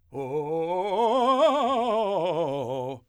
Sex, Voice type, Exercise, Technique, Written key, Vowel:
male, , scales, fast/articulated forte, C major, o